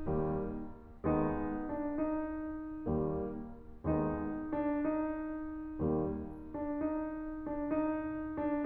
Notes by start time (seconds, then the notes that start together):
0.00 D#2 G3 A#3
1.01 D#2 G#3 B3 D#4
1.68 D4
1.90 D#4
2.93 D#2 G3 A#3
3.83 D#2 G#3 B3 D#4
4.44 D4
4.60 D#4
5.64 D#2 G3 A#3
6.15 D4
6.34 D#4
6.84 D4
7.01 D#4
7.66 D4
7.86 D#2 G3 A#3 D#4
8.42 D4